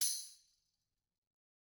<region> pitch_keycenter=60 lokey=60 hikey=60 volume=16.489954 offset=274 lovel=84 hivel=127 ampeg_attack=0.004000 ampeg_release=30.000000 sample=Idiophones/Struck Idiophones/Tambourine 1/Tamb1_Hit_v2_rr1_Mid.wav